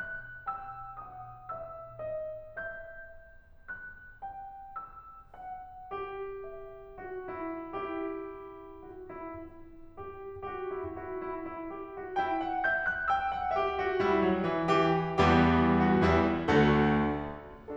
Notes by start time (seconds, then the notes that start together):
0.00 F#6
0.48 G5 E6
0.98 F#5 D#6
1.54 E5 E6
2.01 D#5
2.57 E5 G6
3.70 F#6
4.23 G5
4.73 E6
5.40 F#5
5.94 G4
6.46 E5
6.99 F#4
7.27 E4
7.79 E4 G4
8.89 F#4
9.11 E4
9.44 E4
9.97 G4
10.46 F#4 G4
10.76 E4
11.05 E4 F#4
11.27 E4
11.49 E4
11.74 G4
11.99 F#4
12.20 E4 G5
12.42 F#5
12.71 E5 G6
12.92 F#6
13.10 G5 E6
13.32 F#5
13.60 G4 E5
13.86 F#4
14.05 G3 E4
14.25 F#3
14.48 E3
14.69 E3 G4
15.21 E2 E3 G3 B3 E4 G4
15.79 F#4
15.98 E2 E3 G3 E4
16.53 D2 D3 A3 F#4 A4